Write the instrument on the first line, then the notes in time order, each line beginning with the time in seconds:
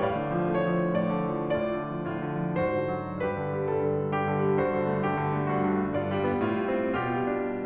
piano
0.00 A2 D5 F5
0.21 D3
0.38 F3
0.57 A3 C#5
0.68 F3
0.85 D3
0.99 A2 D5
1.20 D3
1.35 F3
1.53 A2 F4 D5
1.81 D3
1.99 F3
2.15 A2 F4
2.26 D3
2.44 F3
2.58 G#2 F#4 C5
2.75 D3
2.91 F#3
3.20 G2 G4 B4
3.37 D3
3.49 G3
3.62 G2 A4
3.82 D3
3.99 G3
4.16 G2 G4
4.30 D3
4.44 G3
4.62 G2 F#4 C5
4.77 D3
4.91 A3
5.05 G2 G4
5.20 D3
5.40 A3
5.53 G2 F#4
5.65 D3
5.79 A3
5.93 G2 F4 D5
6.06 G3
6.26 B3
6.41 A2 F4
6.54 G3
6.70 C4
6.95 B2 F4 G4
7.21 G3
7.41 D4